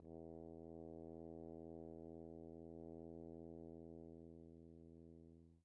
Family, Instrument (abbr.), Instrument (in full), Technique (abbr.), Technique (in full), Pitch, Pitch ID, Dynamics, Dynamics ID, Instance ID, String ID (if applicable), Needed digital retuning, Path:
Brass, Hn, French Horn, ord, ordinario, E2, 40, pp, 0, 0, , FALSE, Brass/Horn/ordinario/Hn-ord-E2-pp-N-N.wav